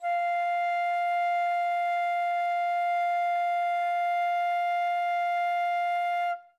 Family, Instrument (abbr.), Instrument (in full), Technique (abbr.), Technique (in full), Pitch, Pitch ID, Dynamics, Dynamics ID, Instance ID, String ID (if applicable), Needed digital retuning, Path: Winds, Fl, Flute, ord, ordinario, F5, 77, ff, 4, 0, , TRUE, Winds/Flute/ordinario/Fl-ord-F5-ff-N-T13d.wav